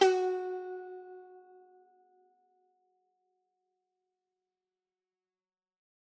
<region> pitch_keycenter=66 lokey=65 hikey=67 volume=2.706688 lovel=100 hivel=127 ampeg_attack=0.004000 ampeg_release=0.300000 sample=Chordophones/Zithers/Dan Tranh/Normal/F#3_ff_1.wav